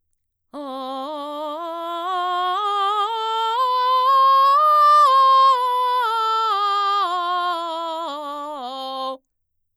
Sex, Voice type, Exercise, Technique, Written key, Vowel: female, mezzo-soprano, scales, belt, , o